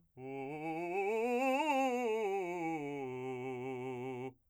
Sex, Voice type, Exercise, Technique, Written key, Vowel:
male, , scales, fast/articulated forte, C major, u